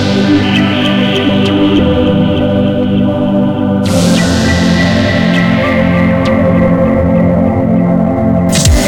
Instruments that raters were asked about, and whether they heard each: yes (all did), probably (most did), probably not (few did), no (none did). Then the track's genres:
organ: probably not
Electronic; Lo-Fi; Experimental